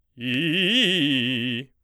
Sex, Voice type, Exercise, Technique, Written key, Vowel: male, baritone, arpeggios, fast/articulated forte, C major, i